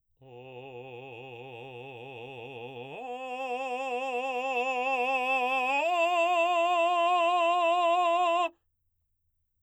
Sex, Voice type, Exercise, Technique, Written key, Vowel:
male, baritone, long tones, full voice forte, , o